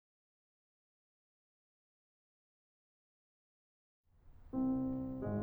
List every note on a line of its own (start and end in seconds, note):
4.54 5.24 C2
4.54 5.24 C4
5.24 5.42 G#1
5.24 5.42 G#3